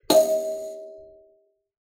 <region> pitch_keycenter=75 lokey=75 hikey=76 tune=-30 volume=-5.160262 offset=4567 seq_position=1 seq_length=2 ampeg_attack=0.004000 ampeg_release=15.000000 sample=Idiophones/Plucked Idiophones/Kalimba, Tanzania/MBira3_pluck_Main_D#4_k4_50_100_rr2.wav